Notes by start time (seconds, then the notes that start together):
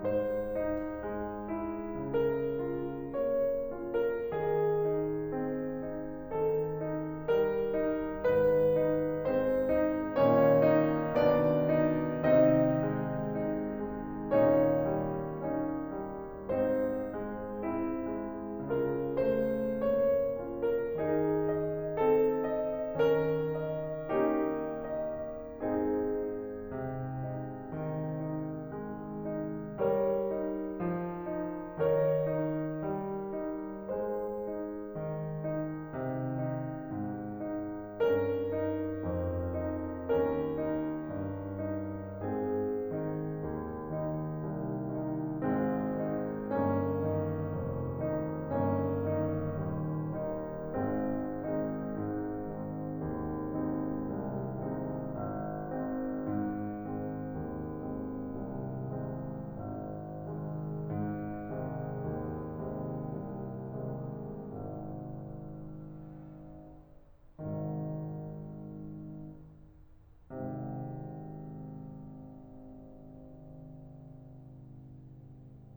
0.00 G#2 C5
0.57 D#4
1.02 G#3
1.52 E4
2.11 C#3 A#4
2.58 F4
3.07 A#3 C#5
3.67 C#4 F4
3.95 A#4
4.38 D#3 G#4
4.90 D#4
5.33 C4
5.78 D#4
6.33 D#3 A4
6.80 D#4
7.28 G3 A#4
7.64 D#4
8.23 G#2 D#3 B4
8.77 D#4
9.22 G#3 C4 C5
9.61 D#4
10.15 A#2 D#3 A#3 C#4 C#5
10.74 D#4
11.16 B2 D#3 B3 D4 D5
11.87 D#4
12.26 C3 D#3 C4 D#4 D#5
12.96 G#3
13.46 D#4
13.92 G#3
14.29 A#2 D#3 C#4 D#4 C#5
14.98 G3
15.49 C#4 D#4
15.93 G3
16.44 G#2 C4 D#4 C5
17.22 G#3
17.65 C4 E4
18.16 G#3
18.81 C#3 F4 A#4
19.24 A3 C5
19.95 A#3 C#5
20.40 C#4 F4
20.72 A#4
20.96 D#3 D#4 G#4
21.44 D#5
22.00 C4 A4
22.44 D#5
23.00 D#3 C#4 A#4
23.61 D#5
24.20 A#3 C#4 D#4 G4
24.88 D#5
25.62 G#2 G#3 C4 D#4 G#4
26.22 D#4
26.56 C3
27.43 D#4
27.86 D#3
28.22 D#4
28.70 G#3
29.05 D#4
29.84 G3 A#4 C#5
30.37 D#4
30.82 F3
31.30 D#4
31.82 D#3 A#4 C#5
32.23 D#4
32.83 G3
33.34 D#4
33.89 G#3 G#4 C5
34.48 D#4
34.89 D#3
35.49 D#4
35.91 C3
36.44 D#4
36.93 G#2
37.41 D#4
38.01 G2 C#4 A#4
38.59 D#4
39.04 F2
39.74 D#4
40.07 D#2 C#4 A#4
40.57 D#4
40.91 G2
41.54 D#4
42.23 G#2 C4 G#4
42.96 D#3 D#4
43.39 D#2
43.94 D#3 D#4
44.30 C2
44.85 D#3 D#4
45.42 G#1 G#2 G#3 C4
46.01 D#3 D#4
46.47 G1 G2 A#3 C#4
47.15 D#3 D#4
47.55 F1 F2
48.07 D#3 D#4
48.48 G1 G2 A#3 C#4
49.16 D#3 D#4
49.60 D#1 D#2
50.14 D#3 D#4
50.67 G#1 G#3 C4
51.33 D#3 G#3 C4 D#4
51.92 G#2
52.76 D#3 G#3 C4 D#4
53.09 D#2
53.50 D#3 G#3 C4 D#4
53.97 C2
54.38 D#3 G#3 C4 D#4
54.72 G#1
55.10 D#3 G#3 C4
55.43 G#2
55.77 D#3 G#3 C4
56.15 D#2
56.71 D#3 G#3 C4
57.11 C2
57.43 D#3 G#3 C4
57.83 G#1
58.40 C3 D#3 G#3
58.78 G#2
59.16 C3 D#3 G#3
59.59 D#2
60.00 C3 D#3 G#3
60.36 C2
61.22 C3 D#3 G#3
61.58 G#1
63.82 C2 C3 D#3
66.14 G#1 G#2 C3